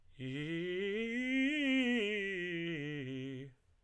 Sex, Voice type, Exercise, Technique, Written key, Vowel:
male, tenor, scales, fast/articulated piano, C major, i